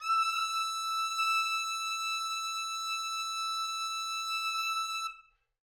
<region> pitch_keycenter=88 lokey=88 hikey=89 volume=11.546265 lovel=84 hivel=127 ampeg_attack=0.004000 ampeg_release=0.500000 sample=Aerophones/Reed Aerophones/Tenor Saxophone/Non-Vibrato/Tenor_NV_Main_E5_vl3_rr1.wav